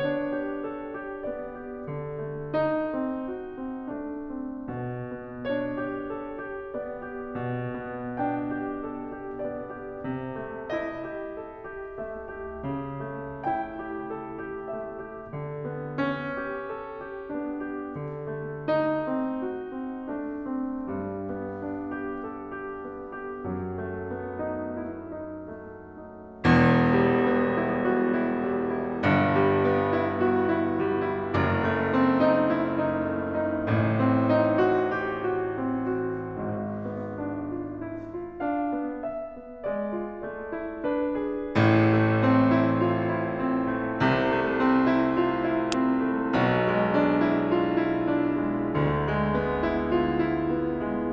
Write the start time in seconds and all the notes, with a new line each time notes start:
0.00 D4 C#5
0.41 G4
0.75 A4
1.02 G4
1.31 B3 D5
1.61 G4
1.90 D3
2.17 A3
2.51 D#4
2.88 C4
3.34 F#4
3.70 C4
3.96 A3 D4
4.40 C4
4.59 B2
4.91 B3
5.48 D4 C#5
5.77 G4
6.10 A4
6.54 G4
6.76 B3 D5
7.20 G4
7.41 B2
7.73 B3
8.14 D4 G5
8.56 G4
8.88 A4
9.08 G4
9.40 B3 D5
9.72 G4
10.08 C3
10.54 A3
10.75 E4 D#5
11.31 G4
11.55 A4
11.78 G4
12.00 A3 E5
12.31 G4
12.64 C#3
13.18 A3
13.43 E4 G5
13.78 G4
14.25 A4
14.51 G4
14.78 A3 E5
15.10 G4
15.43 D3
15.72 B3
15.98 C#4
16.36 G4
16.71 A4
17.12 G4
17.36 B3 D4
17.60 G4
18.00 D3
18.29 A3
18.69 D#4
19.09 C4
19.54 F#4
19.82 C4
20.06 A3 D4
20.41 C4
20.91 G2 G3
21.23 B3
21.63 D4
22.04 G4
22.28 A4
22.59 G4
22.91 B3
23.22 G4
23.48 F#2 F#3
23.86 A3
24.14 B3
24.40 D#4
24.73 E4
25.09 D#4
25.45 A3
26.02 D#4
26.39 E1 E2
26.87 G3
27.11 B3
27.72 E4
28.00 F#4
28.35 E4
28.54 G3
28.78 E4
29.07 G1 G2
29.40 G3
29.63 B3
29.95 E4
30.30 F#4
30.52 E4
30.75 G3
31.06 E4
31.36 F#1 F#2
31.58 A3
31.94 C4
32.18 D#4
32.51 E4
32.87 D#4
33.11 A3
33.32 D#4
33.52 A1 A2
33.79 C4
34.33 D#4
34.73 F#4
35.04 G4
35.28 F#4
35.58 C4
35.99 F#4
36.42 G#1 G#2
36.71 B3
37.16 D4
37.49 F4
37.91 E4
38.21 F4
38.41 D4 F5
38.72 B3
39.04 E5
39.39 B3
39.64 G#3 D5
40.00 F4
40.18 A3 C5
40.53 E4
40.84 D4 B4
41.18 G#4
41.58 A1 A2
41.94 A3
42.20 C4
42.52 E4
42.85 F4
43.27 E4
43.47 C4
43.72 A3
44.03 C2 C3
44.35 A3
44.57 C4
44.84 E4
45.19 F4
45.37 E4
45.62 C4
46.09 A3
46.34 B1 B2
46.67 G#3
46.92 D4
47.23 E4
47.59 F4
47.84 E4
48.08 D4
48.54 G#3
48.77 D2 D3
49.02 G#3
49.28 D4
49.63 E4
50.09 F4
50.31 E4
50.58 D4
50.86 G#3